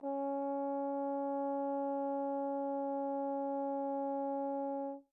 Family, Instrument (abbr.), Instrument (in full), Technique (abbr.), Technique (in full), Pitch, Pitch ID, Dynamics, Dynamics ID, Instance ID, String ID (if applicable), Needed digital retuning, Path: Brass, Tbn, Trombone, ord, ordinario, C#4, 61, pp, 0, 0, , FALSE, Brass/Trombone/ordinario/Tbn-ord-C#4-pp-N-N.wav